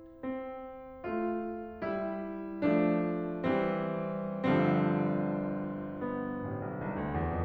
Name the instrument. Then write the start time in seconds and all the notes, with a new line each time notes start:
piano
0.05 C4
1.06 A3 F4
1.86 G3 E4
2.68 F3 A3 D4
3.43 E3 G3 C4
4.46 G1 G2 D3 F3 G3 C4
5.79 B3
6.41 A1
6.60 B1
6.77 C2
6.95 D2
7.13 E2
7.30 F2